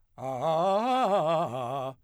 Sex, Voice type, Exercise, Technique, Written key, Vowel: male, , arpeggios, fast/articulated forte, C major, a